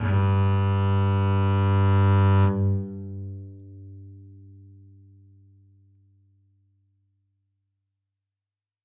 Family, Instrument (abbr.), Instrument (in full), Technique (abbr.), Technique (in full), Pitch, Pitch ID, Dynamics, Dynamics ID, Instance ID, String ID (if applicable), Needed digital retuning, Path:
Strings, Cb, Contrabass, ord, ordinario, G2, 43, ff, 4, 0, 1, FALSE, Strings/Contrabass/ordinario/Cb-ord-G2-ff-1c-N.wav